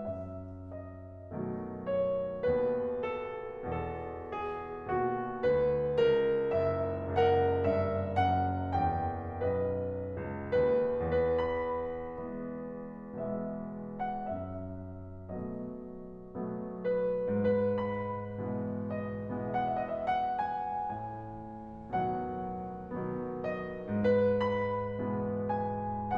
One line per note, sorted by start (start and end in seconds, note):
0.00 1.30 F#2
0.00 0.65 E5
0.66 1.88 D#5
1.31 2.40 B2
1.31 2.40 D#3
1.31 2.40 F#3
1.31 2.40 A3
1.89 2.40 C#5
2.43 3.63 D#2
2.43 3.63 B2
2.43 3.00 B4
3.01 3.63 A4
3.65 4.86 E2
3.65 4.86 B2
3.65 4.33 A4
4.34 4.86 G#4
4.88 5.43 D#2
4.88 5.99 B2
4.88 5.43 F#4
5.45 5.99 D2
5.45 5.99 B4
6.00 7.08 C#2
6.00 7.08 A#4
6.56 7.08 F#1
6.56 7.08 E5
7.09 9.40 F#1
7.09 7.69 C#2
7.09 9.40 A#4
7.09 7.69 F#5
7.69 8.21 G2
7.69 8.21 E5
8.22 8.82 F#2
8.22 8.82 F#5
8.84 9.40 E2
8.84 9.40 G5
9.43 10.16 B1
9.43 10.16 F#2
9.43 10.54 B4
9.43 10.54 D#5
10.17 10.54 C#2
10.55 10.91 D#2
10.55 10.91 B4
10.94 11.31 B4
11.32 12.20 E2
11.32 13.28 B5
12.23 13.28 B2
12.23 13.28 E3
12.23 13.28 G#3
12.23 13.28 B3
13.28 14.27 B2
13.28 14.27 E3
13.28 14.27 G#3
13.28 14.27 B3
13.28 14.00 E5
14.02 14.27 F#5
14.28 15.34 G#2
14.28 15.34 E5
15.35 16.38 B2
15.35 16.38 F#3
15.35 16.38 A3
15.35 16.38 B3
15.35 17.30 D#5
16.39 17.44 B2
16.39 17.44 F#3
16.39 17.44 A3
16.39 17.44 B3
17.32 17.44 B4
17.45 18.40 G#2
17.45 17.72 B4
17.74 18.92 B5
18.40 19.49 B2
18.40 19.49 E3
18.40 19.49 G#3
18.40 19.49 B3
18.94 19.49 D#5
19.50 20.77 B2
19.50 20.77 E3
19.50 20.77 G#3
19.50 20.77 B3
19.50 19.59 E5
19.60 19.71 F#5
19.73 19.81 E5
19.82 19.93 D#5
19.95 20.06 E5
20.07 20.45 F#5
20.46 20.77 G#5
20.78 21.92 A2
20.78 21.92 G#5
21.93 22.99 B2
21.93 22.99 D#3
21.93 22.99 F#3
21.93 22.99 B3
21.93 23.50 F#5
23.00 24.06 B2
23.00 24.06 D#3
23.00 24.06 F#3
23.00 24.06 B3
23.52 24.06 D#5
24.07 25.03 G#2
24.07 24.36 B4
24.38 25.62 B5
25.04 26.17 B2
25.04 26.17 E3
25.04 26.17 G#3
25.04 26.17 B3
25.63 26.17 G#5